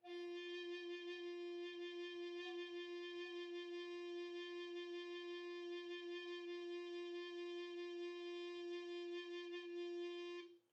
<region> pitch_keycenter=65 lokey=65 hikey=66 tune=-4 volume=19.202355 offset=1109 ampeg_attack=0.004000 ampeg_release=0.300000 sample=Aerophones/Edge-blown Aerophones/Baroque Alto Recorder/SusVib/AltRecorder_SusVib_F3_rr1_Main.wav